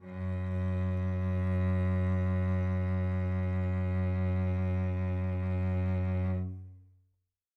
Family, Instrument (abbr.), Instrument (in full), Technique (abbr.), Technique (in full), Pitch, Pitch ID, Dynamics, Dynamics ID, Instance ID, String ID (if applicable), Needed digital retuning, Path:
Strings, Vc, Cello, ord, ordinario, F#2, 42, mf, 2, 3, 4, FALSE, Strings/Violoncello/ordinario/Vc-ord-F#2-mf-4c-N.wav